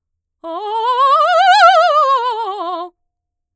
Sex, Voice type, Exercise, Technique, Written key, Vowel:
female, mezzo-soprano, scales, fast/articulated forte, F major, o